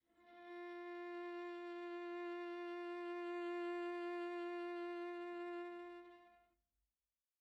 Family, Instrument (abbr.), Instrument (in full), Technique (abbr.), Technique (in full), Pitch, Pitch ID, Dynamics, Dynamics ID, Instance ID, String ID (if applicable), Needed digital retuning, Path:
Strings, Va, Viola, ord, ordinario, F4, 65, pp, 0, 1, 2, FALSE, Strings/Viola/ordinario/Va-ord-F4-pp-2c-N.wav